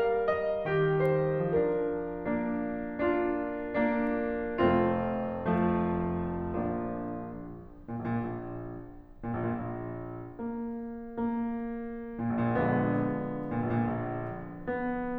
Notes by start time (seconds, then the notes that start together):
0.01 G3 A#4 F5
0.32 D#5
0.71 D#3 G4
1.02 C5
1.55 F3 D4 A#4
2.27 A#3 D4
3.02 D4 F4
3.85 A#3 D4
4.63 F1 F2 A3 C4 F4
5.71 F3 A3
6.64 A#1 F3 A#3 D4
7.92 A#2
8.07 A#1
8.20 A#2
8.32 A#1
9.44 A#2
9.54 A#1
9.64 A#2
9.75 A#1
10.45 A#3
11.22 A#3
12.23 A#2
12.34 A#1
12.41 A#2
12.50 A#1 D3 F3 G#3 B3
13.47 A#2
13.58 A#1
13.74 A#2
13.83 A#1
14.65 B3